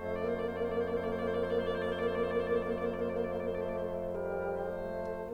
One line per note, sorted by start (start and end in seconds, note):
0.00 5.34 F2
0.00 0.12 C4
0.00 0.12 D#5
0.12 0.22 A3
0.12 0.22 C5
0.22 0.31 A3
0.22 0.31 C5
0.31 1.88 A#3
0.31 1.88 D5
1.88 1.99 A3
1.88 1.99 C5
1.99 2.08 A#3
1.99 2.08 D5
2.08 2.24 A3
2.08 2.24 C5
2.24 2.38 A#3
2.24 2.38 D5
2.38 2.47 A3
2.38 2.47 C5
2.47 2.71 A#3
2.47 2.71 D5
2.71 2.96 A3
2.71 2.96 C5
2.96 3.07 A#3
2.96 3.07 D5
3.07 3.16 A3
3.07 3.16 C5
3.16 3.29 A#3
3.16 3.29 D5
3.29 3.40 A3
3.29 3.40 C5
3.40 3.51 A#3
3.40 3.51 D5
3.51 3.67 A3
3.51 3.67 C5
3.67 3.77 A#3
3.67 3.77 D5
3.77 3.95 A3
3.77 3.95 C5
3.95 4.08 A#3
3.95 4.08 D5
4.08 4.23 A3
4.08 4.23 C5
4.23 4.32 A#3
4.23 4.32 D5
4.32 4.52 G3
4.32 4.52 A#4
4.52 5.34 A3
4.52 5.34 C5